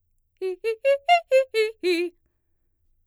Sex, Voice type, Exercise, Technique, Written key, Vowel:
female, mezzo-soprano, arpeggios, fast/articulated forte, F major, i